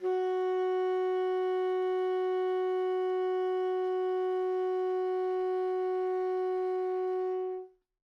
<region> pitch_keycenter=66 lokey=66 hikey=67 volume=19.020688 lovel=0 hivel=83 ampeg_attack=0.004000 ampeg_release=0.500000 sample=Aerophones/Reed Aerophones/Tenor Saxophone/Non-Vibrato/Tenor_NV_Main_F#3_vl2_rr1.wav